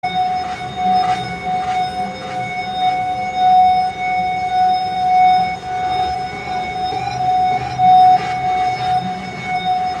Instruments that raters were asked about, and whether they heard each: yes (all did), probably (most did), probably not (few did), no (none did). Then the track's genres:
bass: no
flute: probably
mallet percussion: no
Field Recordings; Ambient